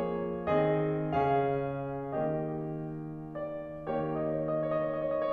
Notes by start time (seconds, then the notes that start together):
0.01 F3 A#3 G#4 C#5
0.49 D#3 C4 G#4 D#5
1.13 C#3 C#4 G#4 F5
2.17 D#3 A#3 G4 D#5
3.42 D5
3.91 D#3 A#3 G4 C#5
4.41 D#5
4.58 C#5
5.13 D#5